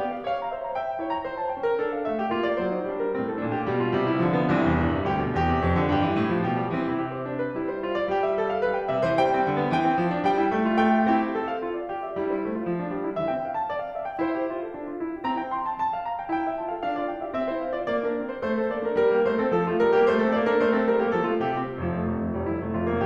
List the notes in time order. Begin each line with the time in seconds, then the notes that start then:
0.00 A#3 G4
0.16 F5
0.26 C#5 F5
0.41 A#5
0.53 C5 E5
0.65 A#5
0.81 E5 G5
0.94 A#5
1.03 E4 C#5
1.14 A#5
1.25 F4 C5
1.42 A5
1.54 C#4 G5
1.64 A#4
1.80 D4 A4
2.00 F5
2.10 A3 E5
2.22 G4
2.31 A#3 F4
2.50 D5
2.59 F#3 C5
2.74 D#4
2.89 G3 D4
3.00 A#4
3.15 A2 C4
3.32 A4
3.47 A#2 D4
3.59 G4
3.69 B2 G3
3.81 F4
3.92 C3 G3
4.14 E4
4.25 D3 F3
4.34 B3
4.54 C2 E3 C4
4.67 E2
4.77 G2
4.99 C3
5.12 D2 G4
5.26 B2
5.39 E2 G4
5.50 C3
5.63 F2
5.83 D3
5.91 G2 G4
6.12 E3
6.23 A2
6.33 F3
6.49 B2 G4
6.59 G3
6.73 E3 C4
6.84 C3 E4
6.98 G4
7.17 C5
7.28 G3 D4
7.41 B4
7.53 G3 E4
7.71 C5
7.81 F4
7.98 D5
8.10 G3 G4
8.28 E5
8.41 A4
8.50 F5
8.65 G3 B4
8.78 G5
8.90 C3 E5
9.03 E3 C5
9.24 G3 G5
9.37 C4
9.52 D3
9.64 B3
9.74 E3 G5
9.88 C4
9.98 F3
10.18 D4
10.29 G3 G5
10.39 E4
10.53 A3
10.69 F4
10.86 B3 G5
10.96 G4
11.05 C4 E4 G4
11.27 E5
11.39 A4
11.48 F5
11.60 F4
11.71 D5
11.85 G4
12.05 E5
12.19 G3 E4
12.40 E4 C5
12.49 A3
12.59 F4
12.69 F3
12.82 D4
12.92 G3
13.06 E4
13.17 E3 E5
13.27 C4 G5
13.36 F5
13.57 A5
13.69 D5
13.83 F5
13.97 E5
14.06 G5
14.20 E4 C5
14.40 G4 E5
14.50 F4
14.62 A4
14.76 D4
14.87 F4
15.05 E4
15.16 G4
15.26 C4 A#5
15.36 E4 G5
15.45 C6
15.66 A5
15.81 A5
15.91 F5
16.04 A#5
16.17 G5
16.30 E4 G5
16.46 G4 E5
16.58 F4 A5
16.68 A4 F5
16.83 D4 F5
16.95 F4 D5
17.14 E4 G5
17.22 G4 E5
17.31 C4 E5
17.50 E4 C5
17.65 D4 F5
17.77 F4 D5
17.89 A#3 D5
18.04 D4 A#4
18.18 C4 E5
18.29 E4 C5
18.39 A3 C5
18.60 C4 A4
18.72 A#3 D5
18.87 D4 A#4
18.99 G3 A#4
19.13 A#3 G4
19.24 A3 C5
19.38 C4 A4
19.54 F3 A4
19.68 A3 F4
19.81 G3 A#4
19.96 A#3 G4
20.17 A3 C5
20.29 C4 A4
20.39 A#3 D5
20.49 D4 A#4
20.62 A3 C5
20.76 C4 A4
20.86 G3 A#4
20.97 A#3 G4
21.08 F3 A4
21.27 A3 F4
21.39 C3 G4
21.69 G3 C4
21.79 F1 F3
21.88 F2 A3
22.05 F1 C4
22.20 F2 F4
22.33 F1 G3
22.52 F2 E4
22.60 F1 A3
22.76 F2 F4
22.87 F1 A#3